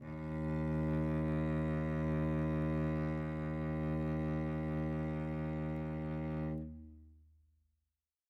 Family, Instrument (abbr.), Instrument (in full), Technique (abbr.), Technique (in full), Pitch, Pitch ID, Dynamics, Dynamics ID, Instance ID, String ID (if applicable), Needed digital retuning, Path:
Strings, Vc, Cello, ord, ordinario, D#2, 39, mf, 2, 3, 4, FALSE, Strings/Violoncello/ordinario/Vc-ord-D#2-mf-4c-N.wav